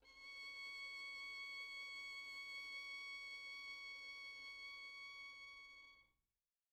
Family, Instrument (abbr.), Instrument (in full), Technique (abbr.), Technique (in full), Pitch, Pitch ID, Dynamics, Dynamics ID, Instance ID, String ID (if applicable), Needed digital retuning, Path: Strings, Vn, Violin, ord, ordinario, C#6, 85, pp, 0, 1, 2, FALSE, Strings/Violin/ordinario/Vn-ord-C#6-pp-2c-N.wav